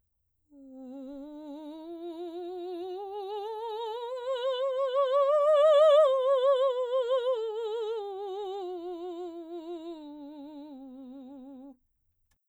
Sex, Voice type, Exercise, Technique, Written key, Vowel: female, soprano, scales, slow/legato piano, C major, u